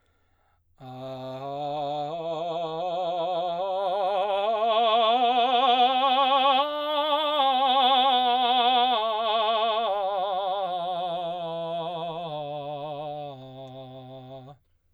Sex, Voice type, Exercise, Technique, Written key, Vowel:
male, baritone, scales, vibrato, , a